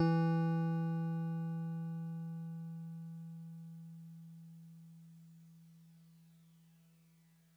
<region> pitch_keycenter=64 lokey=63 hikey=66 volume=15.464305 lovel=0 hivel=65 ampeg_attack=0.004000 ampeg_release=0.100000 sample=Electrophones/TX81Z/FM Piano/FMPiano_E3_vl1.wav